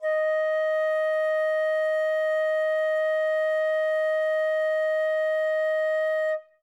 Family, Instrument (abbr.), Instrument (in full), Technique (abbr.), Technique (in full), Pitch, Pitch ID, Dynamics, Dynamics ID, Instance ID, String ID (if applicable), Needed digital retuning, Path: Winds, Fl, Flute, ord, ordinario, D#5, 75, ff, 4, 0, , FALSE, Winds/Flute/ordinario/Fl-ord-D#5-ff-N-N.wav